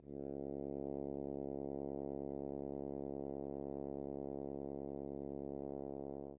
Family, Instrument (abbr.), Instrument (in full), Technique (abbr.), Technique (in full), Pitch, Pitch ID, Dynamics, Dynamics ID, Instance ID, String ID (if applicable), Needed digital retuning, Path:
Brass, Hn, French Horn, ord, ordinario, C#2, 37, mf, 2, 0, , FALSE, Brass/Horn/ordinario/Hn-ord-C#2-mf-N-N.wav